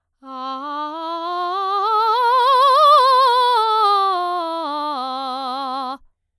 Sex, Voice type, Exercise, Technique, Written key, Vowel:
female, soprano, scales, vibrato, , a